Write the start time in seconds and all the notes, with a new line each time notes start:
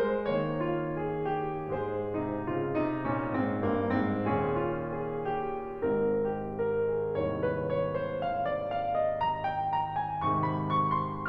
0.00 G#3 C5
0.31 D#3 A#3 C#5
0.63 F4
0.91 G#4
1.26 G4
1.70 G#2 G#3 G#4 C5
2.16 C3 D#4
2.52 C#3 F4
2.80 C3 D#4
3.07 A#2 C#4
3.36 G#2 C4
3.60 G2 A#3
3.97 G#2 C4
4.33 D#2 A#2 C#4 G#4
4.61 F4
4.91 G#4
5.21 G4
5.88 G#1 G#2 A#4
6.25 G4
6.58 A#4
6.87 G#4
7.17 G#1 C2 D#2 G#2 C#5
7.39 B4
7.64 C#5
7.95 C5
8.24 F5
8.46 D5
8.69 F5
8.96 D#5
9.22 A#5
9.50 G5
9.73 A#5
9.99 G#5
10.26 G#2 C3 D#3 G#3 C#6
10.45 B5
10.75 C#6
11.02 C6